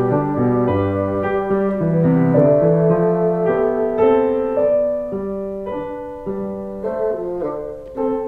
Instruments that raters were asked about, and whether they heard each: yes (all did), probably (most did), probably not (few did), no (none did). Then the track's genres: piano: yes
Classical